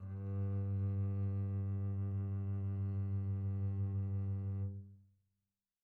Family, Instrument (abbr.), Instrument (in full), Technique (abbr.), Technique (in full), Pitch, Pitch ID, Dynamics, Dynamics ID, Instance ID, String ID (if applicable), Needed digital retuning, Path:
Strings, Cb, Contrabass, ord, ordinario, G2, 43, pp, 0, 2, 3, FALSE, Strings/Contrabass/ordinario/Cb-ord-G2-pp-3c-N.wav